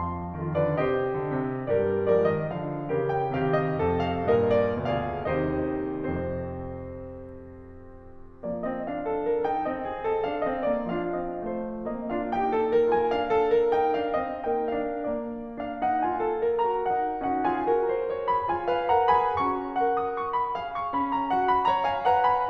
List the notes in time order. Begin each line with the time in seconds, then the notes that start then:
0.00 F2 F3 F5 A5 C6
0.45 D#3 F4 A4 C5
0.62 D3 B4 D5
0.86 C3 G4 C5 D#5
1.15 D3
1.29 C3
1.68 G2 G3 G4 A#4 D5
2.12 F3 G#3 A#4 D5
2.33 D#3 G3 D#5
2.51 D3 F3 F5
2.89 C#3 E3 G4 A#4
3.11 G5
3.31 C3 D#3 G4 F5
3.54 D#5
3.74 F2 C3 A4
3.97 F5
4.26 G2 A#2 D#5
4.46 D5
4.90 D2 B2 F4 G#4 D5 F5
5.27 D#2 C3 D#4 G4 C5 D#5
5.87 F2 C3 C4 A4 C5
8.49 F3 A#3 D5
8.68 C4 D#5
8.90 F3 D4 F5
9.07 A4
9.29 A#4
9.45 D#4 G5
9.67 C4 D#5
9.83 F#4
10.01 A4
10.26 D4 F5
10.46 C4 D#5
10.69 A#3 D5
10.83 D4 F5
11.18 C4 D#5
11.46 A3 C5
11.91 A#3 C4 D#4 D#5
12.14 D4 F4 F5
12.31 A#3 D#4 G4 G5
12.57 A4
12.76 A#4
12.92 F4 A5
13.10 D4 F5
13.29 A4
13.60 A#4
13.75 D#4 G5
14.02 D4 F5
14.26 C4 D#5
14.42 A#3 D#4 A#4 G5
14.66 D4 F5
14.99 A#3 D5
15.55 A#3 D4 F5
15.81 D#4 F#5
16.04 A#3 F4 G#5
16.25 A4
16.42 A#4
16.58 F#4 A#5
16.85 D#4 F#5
17.22 C#4 D#4 F#4 F#5
17.47 F4 G#4 G#5
17.71 C#4 G4 A#4 A#5
17.94 C5
18.15 C#5
18.30 G#4 B5
18.48 F4 G#5
18.70 B4 F5
18.88 A#4 F#5 A#5
19.24 G#4 G#5 B5
19.39 C#4 F#4 A#5 C#6
19.76 A#4 F#5
20.04 D#6
20.19 C#6
20.33 B5
20.54 G#4 F5
20.67 C#6
20.93 C#4 B5
21.10 A#5
21.30 F#4 F#5
21.49 B5
21.66 C#5 A#5
21.84 F5 G#5
22.11 B4 F#5 A#5
22.27 G#5 B5